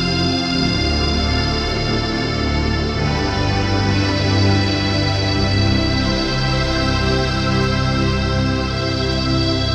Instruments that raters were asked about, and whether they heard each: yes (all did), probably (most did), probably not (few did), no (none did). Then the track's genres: accordion: no
Ambient Electronic; Ambient